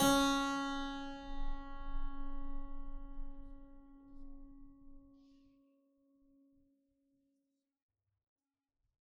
<region> pitch_keycenter=49 lokey=48 hikey=50 volume=1.035230 trigger=attack ampeg_attack=0.004000 ampeg_release=0.40000 amp_veltrack=0 sample=Chordophones/Zithers/Harpsichord, Flemish/Sustains/High/Harpsi_High_Far_C#3_rr1.wav